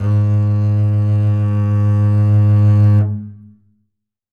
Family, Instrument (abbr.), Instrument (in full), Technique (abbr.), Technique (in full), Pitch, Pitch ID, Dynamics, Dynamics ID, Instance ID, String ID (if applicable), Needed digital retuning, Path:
Strings, Cb, Contrabass, ord, ordinario, G#2, 44, ff, 4, 2, 3, TRUE, Strings/Contrabass/ordinario/Cb-ord-G#2-ff-3c-T30u.wav